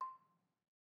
<region> pitch_keycenter=84 lokey=81 hikey=86 volume=20.113708 offset=203 lovel=0 hivel=65 ampeg_attack=0.004000 ampeg_release=30.000000 sample=Idiophones/Struck Idiophones/Balafon/Traditional Mallet/EthnicXylo_tradM_C5_vl1_rr1_Mid.wav